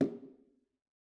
<region> pitch_keycenter=64 lokey=64 hikey=64 volume=15.741241 offset=220 lovel=66 hivel=99 seq_position=1 seq_length=2 ampeg_attack=0.004000 ampeg_release=15.000000 sample=Membranophones/Struck Membranophones/Bongos/BongoL_HitMuted2_v2_rr1_Mid.wav